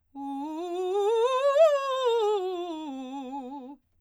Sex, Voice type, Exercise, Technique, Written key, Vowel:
female, soprano, scales, fast/articulated forte, C major, u